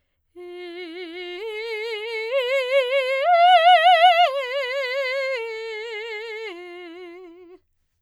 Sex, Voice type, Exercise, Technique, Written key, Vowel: female, soprano, arpeggios, slow/legato forte, F major, e